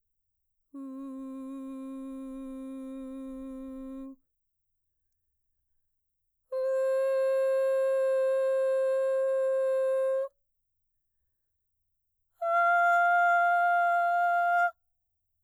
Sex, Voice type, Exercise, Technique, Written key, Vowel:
female, mezzo-soprano, long tones, straight tone, , u